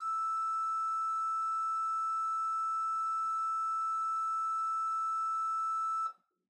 <region> pitch_keycenter=76 lokey=76 hikey=77 ampeg_attack=0.004000 ampeg_release=0.300000 amp_veltrack=0 sample=Aerophones/Edge-blown Aerophones/Renaissance Organ/4'/RenOrgan_4foot_Room_E4_rr1.wav